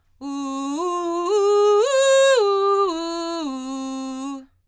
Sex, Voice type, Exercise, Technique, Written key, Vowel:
female, soprano, arpeggios, belt, , u